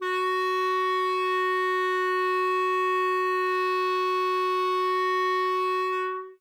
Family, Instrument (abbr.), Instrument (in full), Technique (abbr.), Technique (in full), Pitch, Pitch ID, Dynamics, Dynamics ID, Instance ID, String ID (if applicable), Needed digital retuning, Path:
Winds, ClBb, Clarinet in Bb, ord, ordinario, F#4, 66, ff, 4, 0, , TRUE, Winds/Clarinet_Bb/ordinario/ClBb-ord-F#4-ff-N-T24u.wav